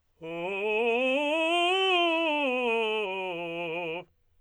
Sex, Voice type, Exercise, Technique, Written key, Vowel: male, tenor, scales, fast/articulated forte, F major, u